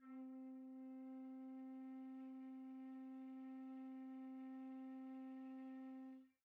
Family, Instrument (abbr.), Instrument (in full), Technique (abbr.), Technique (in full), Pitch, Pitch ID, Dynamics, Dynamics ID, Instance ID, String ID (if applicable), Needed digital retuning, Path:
Winds, Fl, Flute, ord, ordinario, C4, 60, pp, 0, 0, , FALSE, Winds/Flute/ordinario/Fl-ord-C4-pp-N-N.wav